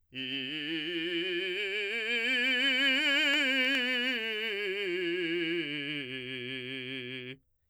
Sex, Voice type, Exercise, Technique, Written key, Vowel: male, , scales, vibrato, , i